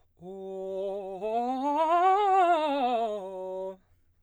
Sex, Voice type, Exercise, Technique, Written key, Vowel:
male, baritone, scales, fast/articulated piano, F major, o